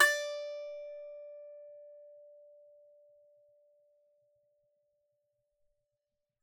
<region> pitch_keycenter=74 lokey=74 hikey=75 volume=-3.369997 lovel=100 hivel=127 ampeg_attack=0.004000 ampeg_release=15.000000 sample=Chordophones/Composite Chordophones/Strumstick/Finger/Strumstick_Finger_Str3_Main_D4_vl3_rr1.wav